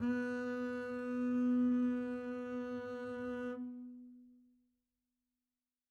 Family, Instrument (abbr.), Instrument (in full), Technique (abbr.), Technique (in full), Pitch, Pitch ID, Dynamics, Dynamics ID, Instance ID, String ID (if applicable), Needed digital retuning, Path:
Strings, Cb, Contrabass, ord, ordinario, B3, 59, mf, 2, 1, 2, FALSE, Strings/Contrabass/ordinario/Cb-ord-B3-mf-2c-N.wav